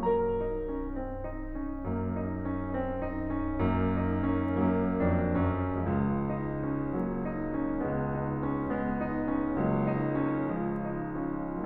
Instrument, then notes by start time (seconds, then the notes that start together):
piano
0.00 F#3 A#3 A#4 A#5
0.38 D#4
0.70 C#4
1.00 C4
1.24 D#4
1.56 C#4
1.88 F#2 A#3
2.18 D#4
2.51 C#4
2.75 C4
3.10 D#4
3.42 C#4
3.73 F#2 A#3
4.01 D#4
4.25 C#4
4.69 F#2 F#3 A#3
5.02 F2 D4
5.39 F#2 C#4
5.79 C#2 F3 G#3
6.15 D#4
6.68 C#4
7.00 F#3 A#3
7.33 D#4
7.64 C#4
7.91 C#2 G#3 B3
8.16 D#4
8.45 C#4
8.79 G#3 B3
9.03 D#4
9.32 C#4
9.67 C#2 F#3 A#3
9.90 D#4
10.29 C#4
10.55 F3 G#3
10.81 D#4
11.22 C#4